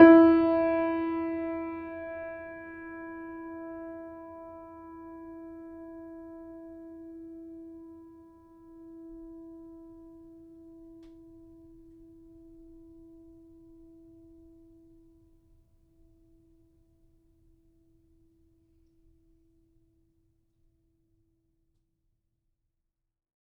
<region> pitch_keycenter=64 lokey=64 hikey=65 volume=-0.831648 lovel=0 hivel=65 locc64=65 hicc64=127 ampeg_attack=0.004000 ampeg_release=0.400000 sample=Chordophones/Zithers/Grand Piano, Steinway B/Sus/Piano_Sus_Close_E4_vl2_rr1.wav